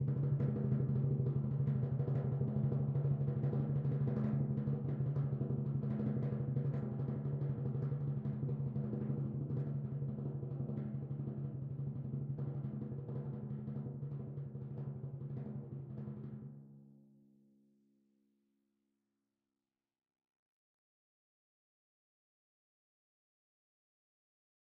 <region> pitch_keycenter=49 lokey=48 hikey=50 tune=-4 volume=22.313780 lovel=0 hivel=83 ampeg_attack=0.004000 ampeg_release=1.000000 sample=Membranophones/Struck Membranophones/Timpani 1/Roll/Timpani3_Roll_v3_rr1_Sum.wav